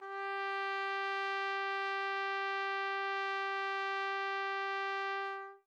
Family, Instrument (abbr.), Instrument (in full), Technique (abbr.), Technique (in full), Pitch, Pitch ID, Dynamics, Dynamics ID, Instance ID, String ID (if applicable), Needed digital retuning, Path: Brass, TpC, Trumpet in C, ord, ordinario, G4, 67, mf, 2, 0, , TRUE, Brass/Trumpet_C/ordinario/TpC-ord-G4-mf-N-T15u.wav